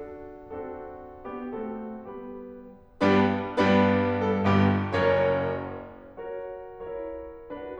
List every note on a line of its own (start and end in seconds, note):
0.00 0.46 D4
0.00 0.46 F#4
0.00 0.46 A4
0.46 1.22 C4
0.46 1.22 D4
0.46 1.22 F#4
0.46 1.22 A4
1.22 1.54 B3
1.22 1.54 D4
1.22 1.54 G4
1.54 1.94 A3
1.54 1.94 C4
1.54 1.94 F#4
1.54 1.94 A4
1.94 2.61 G3
1.94 2.61 B3
1.94 2.61 G4
1.94 2.61 B4
3.02 3.29 G2
3.02 3.29 G3
3.02 3.29 B3
3.02 3.29 D4
3.02 3.29 G4
3.02 3.29 B4
3.48 4.46 G2
3.48 4.46 G3
3.48 4.46 B3
3.48 4.46 D4
3.48 4.46 G4
3.48 4.21 B4
4.21 4.46 A4
4.46 4.71 G1
4.46 4.71 G2
4.46 4.71 B3
4.46 4.71 G4
4.97 5.36 F#1
4.97 5.36 F#2
4.97 5.18 C#4
4.97 5.18 A#4
4.97 5.18 C#5
6.19 6.73 F#4
6.19 6.73 A#4
6.19 6.73 C#5
6.73 7.43 E4
6.73 7.43 F#4
6.73 7.43 A#4
6.73 7.43 C#5
7.43 7.79 D4
7.43 7.79 F#4
7.43 7.79 B4